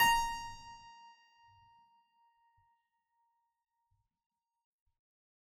<region> pitch_keycenter=70 lokey=70 hikey=71 volume=-5.387336 trigger=attack ampeg_attack=0.004000 ampeg_release=0.40000 amp_veltrack=0 sample=Chordophones/Zithers/Harpsichord, Flemish/Sustains/High/Harpsi_High_Far_A#4_rr1.wav